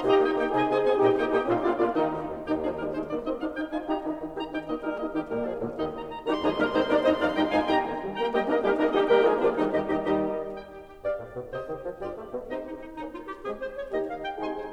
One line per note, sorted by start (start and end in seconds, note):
0.00 0.12 A#2
0.00 0.48 D#4
0.00 0.48 G4
0.00 0.12 D#5
0.00 0.12 G5
0.00 0.12 A#5
0.12 0.30 A#3
0.12 0.30 D#4
0.12 0.30 G4
0.12 0.30 D#5
0.12 0.30 G5
0.30 0.49 A#3
0.30 0.49 D#4
0.30 0.49 G4
0.30 0.49 D#5
0.30 0.49 G5
0.49 0.64 C3
0.49 0.91 D#4
0.49 0.91 G#4
0.49 0.64 D#5
0.49 0.64 G#5
0.64 0.78 C4
0.64 0.78 D#4
0.64 0.78 G#4
0.64 0.78 D#5
0.64 0.78 G#5
0.78 0.91 C4
0.78 0.91 D#4
0.78 0.91 G#4
0.78 0.91 D#5
0.78 0.91 G#5
0.91 1.04 A#2
0.91 1.24 D#4
0.91 1.24 G4
0.91 1.04 D#5
0.91 1.04 G5
1.04 1.27 A#3
1.04 1.27 D#4
1.04 1.27 G4
1.04 1.27 D#5
1.04 1.27 G5
1.27 1.45 A#3
1.27 1.45 D#4
1.27 1.45 G4
1.27 1.45 D#5
1.27 1.45 G5
1.45 1.64 A#2
1.45 1.64 A#3
1.45 1.64 F4
1.45 1.64 D5
1.45 1.64 F5
1.64 1.79 A#2
1.64 1.79 A#3
1.64 1.79 D4
1.64 1.79 F4
1.64 1.79 D5
1.79 2.00 A#2
1.79 2.00 A#3
1.79 2.00 D4
1.79 2.00 F4
1.79 2.00 D5
1.79 2.00 F5
2.00 2.15 D#2
2.00 2.15 D#3
2.00 2.15 D#4
2.00 2.15 G4
2.15 2.26 D#1
2.26 2.31 D#1
2.31 2.88 D#1
2.31 2.50 D#3
2.31 2.50 G4
2.39 2.48 D#4
2.50 2.69 F3
2.50 2.69 D#4
2.50 2.69 G#4
2.69 2.88 G3
2.69 2.88 D#4
2.69 2.88 A#4
2.88 3.05 G#3
2.88 3.05 D#4
2.88 3.05 C5
3.05 3.20 A#3
3.05 3.20 D#4
3.05 3.20 D5
3.20 3.40 C4
3.20 3.39 D#4
3.20 3.40 D#5
3.40 3.53 D4
3.40 3.53 D#4
3.40 3.53 F5
3.53 3.69 D#4
3.53 3.69 G5
3.69 3.87 D#4
3.69 3.87 F4
3.69 3.87 G#5
3.87 4.01 D#4
3.87 4.02 D#4
3.87 4.02 G4
3.87 4.02 A#5
4.02 4.12 D#3
4.02 4.12 D#4
4.12 4.31 D#3
4.12 4.31 D#4
4.31 4.47 D#3
4.31 4.47 D#4
4.31 4.47 G4
4.31 4.47 A#5
4.47 4.67 D#4
4.47 4.67 G5
4.67 4.83 A#3
4.67 4.82 D#4
4.67 4.83 D#5
4.83 5.03 G3
4.83 5.03 D#4
4.83 5.03 A#4
5.03 5.22 A#3
5.03 5.22 D#4
5.03 5.22 D#5
5.22 5.32 D#3
5.22 5.32 D#4
5.22 5.32 G4
5.32 5.42 A#2
5.32 5.42 G3
5.32 5.58 A#3
5.32 5.42 A#4
5.42 5.58 F3
5.42 5.58 G#4
5.58 5.74 A#2
5.58 5.74 D3
5.58 5.74 A#3
5.58 5.74 F4
5.74 5.92 D#3
5.74 5.92 C4
5.74 5.92 F4
5.74 5.92 G4
5.92 6.13 A#5
6.13 6.28 A#5
6.28 6.43 D#3
6.28 6.43 G3
6.28 6.43 C4
6.28 6.43 D#4
6.28 6.43 G4
6.28 6.33 A#5
6.33 6.39 A#5
6.33 6.35 C6
6.39 6.43 C6
6.43 6.56 C3
6.43 6.56 F3
6.43 6.56 G#3
6.43 6.56 D#4
6.43 6.56 F4
6.43 6.56 G#4
6.43 6.47 A#5
6.43 6.51 C6
6.51 6.56 A#5
6.56 6.68 C3
6.56 6.68 G3
6.56 6.68 A#3
6.56 6.68 D#4
6.56 6.68 G4
6.56 6.68 A#4
6.56 6.61 A#5
6.61 6.63 C6
6.61 6.68 C6
6.68 6.83 C3
6.68 6.84 G#3
6.68 6.84 C4
6.68 6.83 D#4
6.68 6.84 G#4
6.68 6.84 C5
6.68 6.72 A#5
6.72 6.78 A#5
6.72 6.76 C6
6.78 6.84 C6
6.84 6.99 C3
6.84 6.99 A#3
6.84 6.99 D4
6.84 6.99 D#4
6.84 6.99 A#4
6.84 6.99 D5
6.84 6.87 A#5
6.84 6.91 C6
6.91 6.95 A#5
6.95 7.15 C3
6.95 7.15 C4
6.95 7.15 D#4
6.95 7.15 C5
6.95 7.15 D#5
6.95 7.02 A#5
6.95 6.99 C6
7.02 7.11 A#5
7.02 7.06 C6
7.11 7.15 C6
7.15 7.35 C3
7.15 7.35 F3
7.15 7.35 D4
7.15 7.35 D#4
7.15 7.35 D5
7.15 7.35 F5
7.15 7.20 A#5
7.20 7.26 C6
7.26 7.30 A#5
7.30 7.35 C6
7.35 7.50 C3
7.35 7.51 G3
7.35 7.50 D#4
7.35 7.51 D#4
7.35 7.51 D#5
7.35 7.51 G5
7.35 7.41 A#5
7.41 7.47 A#5
7.41 7.44 C6
7.47 7.51 C6
7.51 7.67 C3
7.51 7.67 G#3
7.51 7.67 D#4
7.51 7.67 F4
7.51 7.67 F5
7.51 7.67 G#5
7.51 7.56 A#5
7.56 7.60 C6
7.60 7.64 A#5
7.60 7.67 C6
7.67 7.84 C3
7.67 7.84 A#3
7.67 7.84 D#4
7.67 7.84 G4
7.67 7.84 G5
7.67 7.84 A#5
7.84 8.02 D#3
8.02 8.19 G3
8.19 8.35 A#3
8.19 8.36 G5
8.19 8.36 A#5
8.36 8.50 G3
8.36 8.50 A#3
8.36 8.50 D#4
8.36 8.50 G4
8.36 8.50 D#5
8.36 8.50 G5
8.50 8.61 A#3
8.50 8.61 D#4
8.50 8.61 A#4
8.50 8.61 D#5
8.61 8.75 G3
8.61 8.75 A#3
8.61 8.75 D#4
8.61 8.75 G4
8.61 8.75 A#4
8.75 8.89 A#3
8.75 8.90 A#3
8.75 8.89 D#4
8.75 8.90 D#4
8.75 8.90 A#4
8.75 8.90 D#5
8.90 9.06 D#3
8.90 9.06 G3
8.90 9.06 D#4
8.90 9.06 G4
8.90 9.06 D#5
8.90 9.06 G5
9.06 9.25 G3
9.06 9.25 A#3
9.06 9.25 G4
9.06 9.25 A#4
9.06 9.25 G5
9.06 9.25 A#5
9.25 9.46 F3
9.25 9.46 G#3
9.25 9.46 F4
9.25 9.46 G#4
9.25 9.46 F5
9.25 9.46 G#5
9.46 9.66 A#2
9.46 9.66 A#3
9.46 9.66 D4
9.46 9.66 F4
9.46 9.66 D5
9.46 9.66 F5
9.66 9.89 D#3
9.66 9.89 G3
9.66 9.89 D#4
9.66 9.89 G4
9.66 9.89 D#5
9.89 10.08 D#2
9.89 10.08 D#3
9.89 10.08 G3
9.89 10.08 D#4
9.89 10.08 G4
9.89 10.08 D#5
10.08 10.29 D#2
10.08 10.29 D#3
10.08 10.29 G3
10.08 10.29 D#4
10.08 10.29 G4
10.08 10.29 D#5
10.29 10.47 D#2
10.29 10.47 D#3
10.29 10.47 G3
10.29 10.47 D#4
10.29 10.47 G4
10.29 10.47 D#5
10.61 10.72 G5
10.72 10.89 G4
10.89 11.04 G4
11.04 11.17 G2
11.04 11.17 G4
11.04 11.17 D5
11.04 11.17 F5
11.17 11.34 A2
11.34 11.49 B2
11.49 11.63 C3
11.49 11.63 G4
11.49 11.63 C5
11.49 11.63 D#5
11.63 11.81 D#3
11.81 12.00 F3
12.00 12.13 G2
12.00 12.13 G3
12.00 12.13 F4
12.00 12.13 G4
12.00 12.13 D5
12.13 12.33 A3
12.33 12.50 B3
12.50 12.65 C3
12.50 12.65 C4
12.50 12.65 D#4
12.50 12.65 G4
12.50 12.65 C5
12.50 12.65 D#5
12.65 12.81 D#4
12.81 12.96 D#4
12.96 13.11 A#3
12.96 13.11 C#4
12.96 13.11 D#4
13.11 13.27 F4
13.27 13.44 G4
13.44 13.60 G#3
13.44 13.60 C4
13.44 13.60 G#4
13.60 13.75 C5
13.75 13.94 C#5
13.94 14.12 D#3
13.94 14.12 A#3
13.94 14.12 D#4
13.94 14.12 G4
13.94 14.12 D#5
14.12 14.23 F5
14.23 14.37 G5
14.37 14.58 C3
14.37 14.58 G#3
14.37 14.57 D#4
14.37 14.57 G#4
14.37 14.58 G#5
14.37 14.58 C6
14.58 14.73 C5